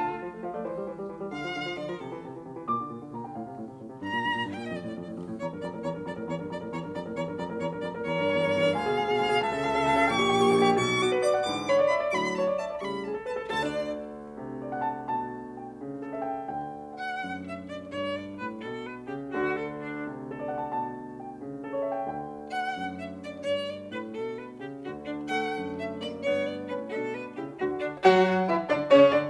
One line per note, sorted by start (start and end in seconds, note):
0.00 0.22 D3
0.00 0.42 F4
0.00 0.42 A5
0.10 0.33 A3
0.23 0.42 F3
0.33 0.55 A3
0.45 0.64 F3
0.45 0.64 F5
0.55 0.73 A3
0.55 0.73 D5
0.64 0.89 E3
0.64 1.10 C5
0.74 1.00 G3
0.89 1.10 E3
1.00 1.21 G3
1.10 1.30 E3
1.21 1.43 G3
1.31 1.54 D3
1.31 1.75 F5
1.43 1.64 F3
1.54 1.75 D3
1.65 1.86 F3
1.75 1.99 D3
1.75 1.87 D5
1.87 2.08 F3
1.87 1.99 A#4
1.99 2.17 C3
1.99 2.37 A4
2.08 2.28 E3
2.18 2.37 C3
2.28 2.47 E3
2.38 2.57 C3
2.47 2.65 E3
2.57 2.79 A#2
2.57 3.16 D6
2.66 2.88 D3
2.79 3.16 A#2
2.88 3.24 D3
3.16 3.33 A#2
3.16 3.33 A#5
3.24 3.44 D3
3.24 3.44 G5
3.34 3.53 A2
3.34 3.75 F5
3.44 3.63 C3
3.53 3.75 A2
3.65 3.92 C3
3.75 4.03 A2
3.94 4.12 C3
4.03 4.27 G2
4.03 4.50 A#5
4.12 4.41 A#2
4.30 4.50 G2
4.41 4.61 A#2
4.52 4.70 G2
4.52 4.61 G5
4.61 4.82 A#2
4.61 4.70 D#5
4.70 4.96 F2
4.70 5.17 D5
4.83 5.05 A2
4.96 5.17 F2
5.05 5.27 A2
5.17 5.43 F2
5.27 5.43 A2
5.45 5.63 E2
5.45 5.58 C#5
5.45 5.63 A#5
5.54 5.72 G2
5.54 5.72 A#4
5.63 5.84 F2
5.63 5.79 D5
5.63 5.84 A#5
5.74 5.93 A2
5.74 5.93 A#4
5.84 6.06 E2
5.84 5.99 C#5
5.84 6.06 A#5
5.94 6.15 G2
5.94 6.15 A#4
6.06 6.27 F2
6.06 6.21 D5
6.06 6.27 A#5
6.15 6.37 A2
6.15 6.37 A#4
6.28 6.49 E2
6.28 6.44 C#5
6.28 6.49 A#5
6.37 6.62 G2
6.37 6.62 A#4
6.52 6.71 F2
6.52 6.66 D5
6.52 6.71 A#5
6.62 6.83 A2
6.62 6.83 A#4
6.71 6.94 E2
6.71 6.88 C#5
6.71 6.94 A#5
6.84 7.04 G2
6.84 7.04 A#4
6.94 7.14 F2
6.94 7.08 D5
6.94 7.14 A#5
7.05 7.27 A2
7.05 7.27 A#4
7.14 7.37 E2
7.14 7.31 C#5
7.14 7.37 A#5
7.27 7.52 G2
7.27 7.52 A#4
7.38 7.62 F2
7.38 7.57 D5
7.38 7.62 A#5
7.52 7.71 A2
7.52 7.71 A#4
7.62 7.84 E2
7.62 7.79 C#5
7.62 7.84 A#5
7.72 7.93 G2
7.72 7.93 A#4
7.84 8.07 F2
7.84 8.01 D5
7.84 8.07 A#5
7.94 8.17 A2
7.94 8.17 A#4
8.07 8.28 E2
8.07 8.73 C#5
8.07 8.28 A#5
8.17 8.42 G2
8.17 8.42 A#4
8.29 8.51 E2
8.29 8.51 A#5
8.42 8.61 G2
8.42 8.61 A#4
8.52 8.73 E2
8.52 8.73 A#5
8.61 8.85 G2
8.61 8.85 A#4
8.73 9.01 D2
8.73 9.40 F5
8.73 9.01 G#5
8.89 9.11 B2
8.89 9.11 G#4
9.01 9.22 D2
9.01 9.22 G#5
9.13 9.31 B2
9.13 9.31 G#4
9.22 9.40 D2
9.22 9.40 G#5
9.31 9.51 B2
9.31 9.51 G#4
9.42 9.64 C#2
9.42 10.04 E5
9.42 9.64 A5
9.51 9.75 C#3
9.51 9.75 A4
9.64 9.85 C#2
9.64 9.85 A5
9.75 9.94 C#3
9.75 9.94 A4
9.85 10.04 C#2
9.85 10.04 A5
9.95 10.14 C#3
9.95 10.14 A4
10.04 10.25 A#1
10.04 10.25 G5
10.04 10.76 C#6
10.14 10.37 A#2
10.14 10.37 G4
10.26 10.46 A#1
10.26 10.46 G5
10.37 10.57 A#2
10.37 10.57 G4
10.47 10.76 A#1
10.47 10.76 G5
10.57 10.76 A#2
10.57 10.76 G4
10.76 11.25 B1
10.76 11.25 B2
10.76 11.01 C#6
11.01 11.25 F#4
11.01 11.19 D6
11.13 11.35 B4
11.25 11.48 D5
11.25 11.41 D6
11.35 11.60 F#5
11.49 11.94 G#2
11.49 11.94 D3
11.49 11.94 E3
11.49 11.69 D6
11.69 11.94 C#5
11.69 11.84 B5
11.80 12.03 D5
11.94 12.14 E5
11.94 12.07 B5
12.04 12.14 D5
12.10 12.14 C#6
12.14 12.59 A2
12.14 12.59 D3
12.14 12.59 F#3
12.14 12.35 B5
12.35 12.59 C#5
12.35 12.54 A5
12.49 12.71 D5
12.59 12.82 E5
12.59 12.76 A5
12.71 12.91 D5
12.77 12.82 C#6
12.82 13.25 A2
12.82 13.25 C#3
12.82 13.25 G3
12.82 13.01 B5
13.01 13.25 G#4
13.01 13.19 A5
13.14 13.35 A4
13.25 13.50 B4
13.25 13.46 A5
13.41 13.50 A4
13.51 16.47 D2
13.51 14.37 D3
13.51 13.72 A4
13.51 13.62 A5
13.62 13.99 D4
13.62 13.72 D5
14.37 15.12 C3
14.64 14.85 D5
14.73 15.00 F#5
14.85 15.12 A5
15.12 15.80 B2
15.12 15.58 A5
15.60 15.80 G5
15.81 16.47 C#3
16.02 16.22 A4
16.13 16.34 E5
16.22 16.47 G5
16.50 19.33 D2
16.50 17.19 D3
16.50 16.90 G5
16.90 17.19 F#5
16.90 17.40 F#5
17.19 17.86 F#2
17.40 17.57 E5
17.65 17.80 D5
17.86 18.43 G2
17.86 18.19 C#5
18.19 18.38 D5
18.43 18.65 A2
18.43 18.60 B4
18.66 19.06 B2
18.66 18.85 A4
18.85 19.01 B4
19.06 19.33 C#3
19.06 19.25 G4
19.33 22.07 D2
19.33 20.05 D3
19.33 19.52 F#4
19.52 19.76 A4
19.82 19.99 D4
20.05 20.75 C3
20.29 20.50 A4
20.40 20.62 D5
20.50 20.75 F#5
20.62 20.75 A5
20.76 21.42 B2
20.76 21.19 A5
21.19 21.42 G5
21.42 22.07 C#3
21.64 21.82 A4
21.72 21.97 C#5
21.83 22.07 E5
21.97 22.07 G5
22.07 24.78 D2
22.07 22.78 D3
22.07 22.51 G5
22.51 22.78 F#5
22.51 22.98 F#5
22.79 23.42 F#2
22.99 23.13 E5
23.21 23.37 D5
23.42 23.88 G2
23.42 23.67 C#5
23.67 23.84 D5
23.89 24.09 A2
23.89 24.03 B4
24.09 24.58 B2
24.09 24.35 A4
24.35 24.53 B4
24.58 24.78 C#3
24.58 24.73 G4
24.79 27.62 D2
24.79 25.54 D3
24.79 24.93 F#4
24.98 25.14 D4
25.19 25.96 A3
25.19 25.75 F#5
25.54 26.17 F#2
25.76 25.90 E5
25.97 26.17 A#3
25.97 26.11 D5
26.17 26.67 G2
26.17 26.67 B3
26.17 26.45 C#5
26.45 26.62 D5
26.67 26.89 A2
26.67 26.89 C#4
26.67 26.84 B4
26.90 27.38 B2
26.90 27.38 D4
26.90 27.13 A4
27.13 27.31 B4
27.38 27.62 C#3
27.38 27.62 E4
27.38 27.55 G4
27.62 27.84 D2
27.62 27.84 D3
27.62 27.79 F#4
27.62 27.84 F#4
27.85 28.00 D4
28.06 28.51 F#3
28.06 28.51 F#4
28.06 28.51 F#5
28.51 28.71 E3
28.51 28.67 E4
28.51 28.71 E5
28.72 28.91 D3
28.72 28.86 D4
28.72 28.91 D5
28.92 29.12 C#3
28.92 29.12 C#4
28.92 29.12 C#5
29.12 29.30 D3
29.12 29.26 D4
29.12 29.30 D5